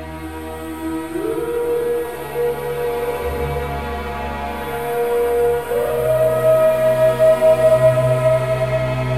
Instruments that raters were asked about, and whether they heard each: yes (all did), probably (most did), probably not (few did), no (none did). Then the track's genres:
flute: probably
Hip-Hop; Rap